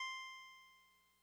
<region> pitch_keycenter=72 lokey=71 hikey=74 tune=-1 volume=25.546145 lovel=0 hivel=65 ampeg_attack=0.004000 ampeg_release=0.100000 sample=Electrophones/TX81Z/Clavisynth/Clavisynth_C4_vl1.wav